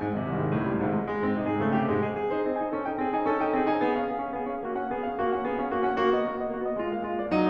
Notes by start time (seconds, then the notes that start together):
0.00 G#2
0.12 G#1 C3
0.23 C2 D#3
0.39 G#1 G#3
0.52 C#2 A2
0.70 G#1 G3
0.94 C2 G#2
1.06 G#1 G#3
1.16 G#3
1.28 G#2 C4
1.45 C3 D#4
1.57 G#2 G#4
1.67 C#3 A3
1.83 G#2 G4
2.01 C3 G#3
2.12 G#2 G#4
2.23 G#4
2.33 D#4 C5
2.46 C4 D#5
2.59 D#4 G#5
2.71 C#4 A4
2.84 D#4 G5
2.97 C4 G#4
3.16 D#4 G#5
3.30 C#4 A4
3.40 D#4 G5
3.55 C4 G#4
3.68 D#4 G#5
3.83 B3 G#4
4.05 C#4 F5
4.20 B3 G#4
4.35 C#4 F5
4.50 B3 G#4
4.64 C#4 F5
4.75 A#3 F#4
4.86 C#4 F#5
4.98 B3 G#4
5.09 C#4 F5
5.18 A#3 F#4
5.34 C#4 F#5
5.48 B3 G#4
5.61 C#4 F5
5.77 A#3 F#4
5.93 C#4 F#5
6.05 A#3 F#4
6.19 B3 D#5
6.28 A#3 F#4
6.40 B3 D#5
6.50 A#3 F#4
6.61 B3 D#5
6.77 G#3 F4
6.92 B3 F5
7.02 G#3 F4
7.16 A#3 D5
7.29 F#3 D#4
7.41 A#3 D#5